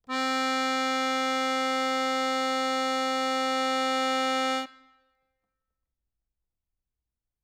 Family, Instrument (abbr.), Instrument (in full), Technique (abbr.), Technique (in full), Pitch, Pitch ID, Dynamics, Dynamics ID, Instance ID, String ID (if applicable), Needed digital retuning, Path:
Keyboards, Acc, Accordion, ord, ordinario, C4, 60, ff, 4, 2, , FALSE, Keyboards/Accordion/ordinario/Acc-ord-C4-ff-alt2-N.wav